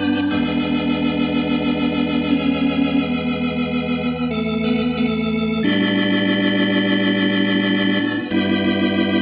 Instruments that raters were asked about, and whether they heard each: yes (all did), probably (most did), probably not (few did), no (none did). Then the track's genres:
organ: probably not
Pop; Folk; Indie-Rock